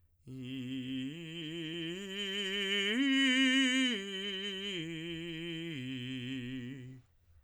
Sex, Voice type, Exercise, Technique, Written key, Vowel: male, tenor, arpeggios, slow/legato piano, C major, i